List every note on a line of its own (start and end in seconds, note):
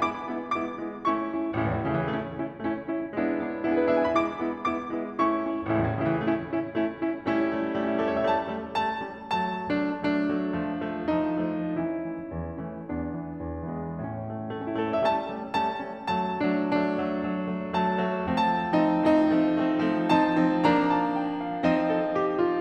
0.00 0.27 G#3
0.00 0.27 B3
0.00 0.27 E4
0.00 0.58 D6
0.28 0.58 G#3
0.28 0.58 B3
0.28 0.58 E4
0.59 0.84 G#3
0.59 0.84 B3
0.59 0.84 E4
0.59 1.06 D6
0.84 1.06 G#3
0.84 1.06 B3
0.84 1.06 E4
1.07 1.31 A3
1.07 1.31 C#4
1.07 1.31 E4
1.07 1.56 C#6
1.32 1.56 A3
1.32 1.56 C#4
1.32 1.56 E4
1.56 1.74 A1
1.56 1.80 A3
1.56 1.80 C#4
1.56 1.80 E4
1.66 1.80 C#2
1.74 1.88 E2
1.81 1.99 A2
1.81 2.09 A3
1.81 2.09 C#4
1.81 2.09 E4
1.89 2.09 C#3
2.02 2.09 E3
2.10 2.60 A3
2.10 2.37 C#4
2.10 2.37 E4
2.37 2.60 C#4
2.37 2.60 E4
2.60 3.01 A3
2.60 2.83 C#4
2.60 2.83 E4
2.84 3.01 C#4
2.84 3.01 E4
3.01 3.55 G#3
3.01 3.29 B3
3.01 3.29 D4
3.01 3.29 E4
3.29 3.55 B3
3.29 3.55 D4
3.29 3.55 E4
3.56 3.84 B3
3.56 3.84 D4
3.56 3.84 E4
3.67 3.84 G#4
3.73 3.94 B4
3.84 4.08 B3
3.84 4.08 D4
3.84 4.08 E4
3.84 4.01 E5
3.94 4.08 G#5
4.01 4.08 B5
4.08 4.28 G#3
4.08 4.28 B3
4.08 4.28 E4
4.08 4.50 D6
4.30 4.50 G#3
4.30 4.50 B3
4.30 4.50 E4
4.50 4.77 G#3
4.50 4.77 B3
4.50 4.77 E4
4.50 5.10 D6
4.77 5.10 G#3
4.77 5.10 B3
4.77 5.10 E4
5.11 5.36 A3
5.11 5.36 C#4
5.11 5.36 E4
5.11 5.68 C#6
5.36 5.68 A3
5.36 5.68 C#4
5.36 5.68 E4
5.68 5.83 A1
5.68 5.96 A3
5.68 5.96 C#4
5.68 5.96 E4
5.76 5.96 C#2
5.84 6.04 E2
5.97 6.15 A2
5.97 6.25 A3
5.97 6.25 C#4
5.97 6.25 E4
6.05 6.25 C#3
6.15 6.25 E3
6.25 6.69 A3
6.25 6.47 C#4
6.25 6.47 E4
6.47 6.69 C#4
6.47 6.69 E4
6.70 7.27 A3
6.70 7.01 C#4
6.70 7.01 E4
7.01 7.27 C#4
7.01 7.27 E4
7.27 7.50 G3
7.27 7.50 A3
7.27 7.78 C#4
7.27 7.78 E4
7.51 7.78 G3
7.51 7.78 A3
7.78 8.02 G3
7.78 7.93 A3
7.78 8.02 A3
7.85 8.02 C#4
7.93 8.10 E4
8.02 8.23 G3
8.02 8.23 A3
8.02 8.15 A4
8.10 8.23 C#5
8.16 8.23 E5
8.24 8.51 G3
8.24 8.51 A3
8.24 8.51 C#4
8.24 8.75 A5
8.51 8.75 G3
8.51 8.75 A3
8.51 8.75 C#4
8.75 9.00 G3
8.75 9.00 A3
8.75 9.00 C#4
8.75 9.24 A5
9.01 9.24 G3
9.01 9.24 A3
9.01 9.24 C#4
9.24 9.68 F#3
9.24 9.68 A3
9.24 9.68 A5
9.68 9.98 F#3
9.68 9.98 A3
9.68 9.87 D4
10.00 10.25 F#3
10.00 10.25 A3
10.00 10.99 D4
10.25 10.53 F#3
10.25 10.53 A3
10.53 10.77 F3
10.53 10.77 A3
10.79 10.99 F3
10.79 10.99 A3
10.99 11.28 F3
10.99 11.28 A3
10.99 11.74 D#4
11.28 11.74 F3
11.28 11.74 A3
11.76 12.07 E3
11.76 12.61 C#4
11.76 12.61 E4
12.07 12.32 E3
12.32 12.61 E2
12.62 12.88 E3
12.62 12.88 A3
12.62 12.88 C#4
12.88 13.15 E2
12.88 13.66 B3
12.88 13.66 D4
13.15 13.37 E3
13.39 13.66 E2
13.66 14.00 E3
13.66 14.00 G#3
13.66 14.00 B3
14.00 14.32 A2
14.00 14.56 C#4
14.33 14.56 A3
14.56 14.71 A3
14.56 14.80 A3
14.63 14.80 C#4
14.71 14.88 E4
14.80 15.05 A3
14.80 14.98 A4
14.88 15.05 C#5
14.98 15.05 E5
15.06 15.33 G3
15.06 15.33 A3
15.06 15.33 C#4
15.06 15.59 A5
15.34 15.59 G3
15.34 15.59 A3
15.34 15.59 C#4
15.59 15.84 G3
15.59 15.84 A3
15.59 15.84 C#4
15.59 16.09 A5
15.85 16.09 G3
15.85 16.09 A3
15.85 16.09 C#4
16.10 16.40 F#3
16.10 16.40 A3
16.10 16.40 A5
16.40 16.65 F#3
16.40 16.65 A3
16.40 16.52 D4
16.66 16.94 F#3
16.66 16.94 A3
16.66 17.79 D4
16.96 17.24 F#3
16.96 17.24 A3
17.24 17.52 F#3
17.24 17.52 A3
17.53 17.79 F#3
17.53 17.79 A3
17.80 18.05 F#3
17.80 18.05 A3
17.80 18.27 A5
18.05 18.27 F#3
18.05 18.27 A3
18.29 18.53 F3
18.29 18.53 A3
18.29 18.53 C4
18.29 18.53 A5
18.54 18.77 F3
18.54 18.77 A3
18.54 18.77 C4
18.54 18.65 D#4
18.77 19.06 F3
18.77 19.06 A3
18.77 19.06 C4
18.77 20.07 D#4
19.09 19.42 F3
19.09 19.42 A3
19.09 19.42 C4
19.45 19.77 F3
19.45 19.77 A3
19.45 19.77 C4
19.77 20.07 F3
19.77 20.07 A3
19.77 20.07 C4
20.07 20.35 F3
20.07 20.35 C4
20.07 20.35 D#4
20.07 20.62 A5
20.36 20.62 F3
20.36 20.62 C4
20.36 20.62 D#4
20.62 22.60 F3
20.62 21.64 A#3
20.62 21.64 D4
20.62 20.94 A#5
20.94 21.20 A5
21.21 21.43 G5
21.43 21.64 F5
21.64 22.60 C4
21.64 22.60 D#4
21.64 22.60 D#5
21.90 22.16 A4
22.16 22.41 G4
22.41 22.60 F4